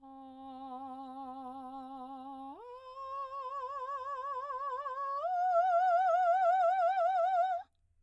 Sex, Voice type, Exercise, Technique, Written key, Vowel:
female, soprano, long tones, full voice pianissimo, , a